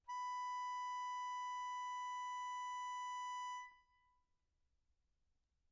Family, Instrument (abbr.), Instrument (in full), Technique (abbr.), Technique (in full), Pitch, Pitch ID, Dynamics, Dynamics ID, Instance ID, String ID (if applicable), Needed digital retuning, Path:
Keyboards, Acc, Accordion, ord, ordinario, B5, 83, mf, 2, 1, , FALSE, Keyboards/Accordion/ordinario/Acc-ord-B5-mf-alt1-N.wav